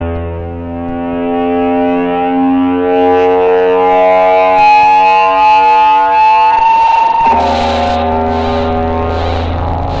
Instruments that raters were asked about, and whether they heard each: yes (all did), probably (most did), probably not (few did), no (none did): flute: no
clarinet: no
trombone: no
saxophone: no